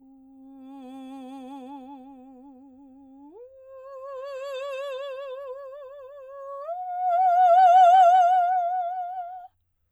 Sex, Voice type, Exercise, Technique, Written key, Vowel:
female, soprano, long tones, messa di voce, , u